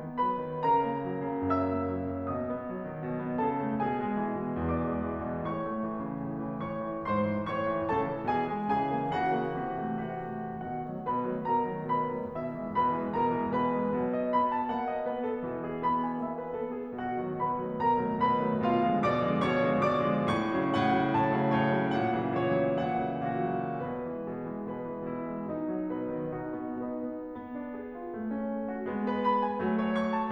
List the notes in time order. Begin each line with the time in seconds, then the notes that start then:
0.01 B3
0.23 F#3 B4 B5
0.41 D#3
0.64 C#3 A#4 A#5
0.88 A#3
1.07 F#3
1.26 C#3
1.49 F#2 E5 E6
1.68 A#3
1.94 F#3
2.15 C#3
2.33 B2 D#5 D#6
2.50 B3
2.72 F#3
2.87 D#3
3.04 B2
3.20 B3
3.41 C#3 A4 A5
3.59 A3
3.84 B2 G#4 G#5
4.02 G#3
4.26 E3
4.41 B2
4.63 E2 D5 D6
4.92 G#3
5.11 E3
5.29 B2
5.49 A2 C#5 C#6
5.67 A3
5.86 E3
6.04 C#3
6.26 A2
6.45 E3
6.68 G#2 C#5 C#6
6.86 E3
7.06 G#2 C5 C6
7.26 E3
7.45 A2 C#5 C#6
7.66 E3
7.89 A2 C#3 A4 A5
8.07 E3
8.27 B2 E3 G#4 G#5
8.49 G#3
8.69 C#3 E3 G#4 G#5
8.96 A#3
9.15 C#3 E3 F#4 F#5
9.36 A#3
9.62 C3 E3
9.87 A3
10.08 C3 E3 F#4 F#5
10.34 A3
10.57 B2 F#4 F#5
10.87 D#3 F#3 A3
11.08 B2 B4 B5
11.29 D#3 F#3 A3
11.49 B2 A#4 A#5
11.71 D#3 F#3 A3
11.92 B2 B4 B5
12.16 D#3 F#3 A3
12.36 B2 E4 E5
12.58 E3 G#3
12.78 B2 B4 B5
12.96 E3 G#3
13.13 B2 A#4 A#5
13.36 E3 G#3
13.55 B2 B4 B5
13.79 E3 G#3
13.98 B2 F#3
14.16 D#5
14.34 B3 B5
14.52 A5
14.73 A#3 F#5
14.94 D#5
15.13 B3 B4
15.28 A4
15.46 B2 E3
15.69 G#4
15.84 B3 B5
16.03 G#5
16.20 A#3 E5
16.39 B4
16.53 B3 A4
16.71 G#4
16.94 B2 F#4 F#5
17.20 D#3 F#3 A3
17.40 B2 B4 B5
17.64 D#3 F#3 A3
17.84 B2 A#4 A#5
18.05 D#3 F#3 A3
18.23 B2 B4 B5
18.44 D#3 F#3 A3
18.69 B2 F4 F5
18.91 D3 F3 G#3
19.09 B2 D5 D6
19.31 D3 F3 G#3
19.50 B2 C#5 C#6
19.64 D3 F3 G#3
19.82 B2 D5 D6
20.10 D3 F3 G#3
20.36 A2 C#6
20.56 C#3 F#3
20.81 A2 F#5
21.01 C#3 F#3
21.17 A2 A5
21.38 C#3 F#3
21.58 A2 C#5
21.79 C#3 F#3
21.98 A#2 F#5
22.19 C#3 E3 F#3
22.38 A#2 C#5
22.60 C#3 E3 F#3
22.78 A#2 E5
23.01 C#3 E3 F#3
23.21 A#2 F#4
23.62 C#3 E3 F#3
23.86 B2 B4
24.10 E3 G#3
24.27 B2 G#4
24.46 E3 G#3
24.70 B2 B4
24.87 E3 G#3
25.09 B2 E4
25.27 E3 G#3
25.44 B2 D#4
25.71 F#3
25.92 B2 B4
26.19 D#3
26.42 B2 D#4 F#4
26.64 B3
26.81 B2 D#4 B4
27.01 B3
27.27 B3
27.54 D4
27.79 G#4
27.97 F4
28.11 A3
28.30 C#4
28.50 A4
28.67 F#4
28.87 G#3 B3
29.08 B4
29.30 B5
29.47 G#5
29.62 F#3 A3
29.84 C#5
30.01 C#6
30.16 A5